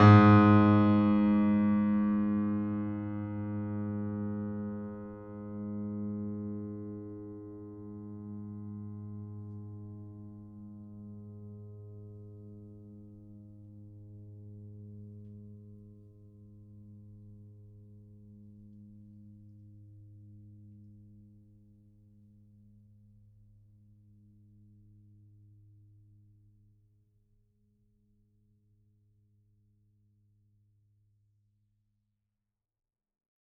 <region> pitch_keycenter=44 lokey=44 hikey=45 volume=1.424218 lovel=66 hivel=99 locc64=65 hicc64=127 ampeg_attack=0.004000 ampeg_release=0.400000 sample=Chordophones/Zithers/Grand Piano, Steinway B/Sus/Piano_Sus_Close_G#2_vl3_rr1.wav